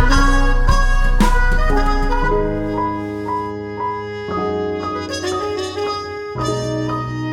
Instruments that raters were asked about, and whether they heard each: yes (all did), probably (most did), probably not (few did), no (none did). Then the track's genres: mandolin: no
ukulele: no
Blues; Experimental; Trip-Hop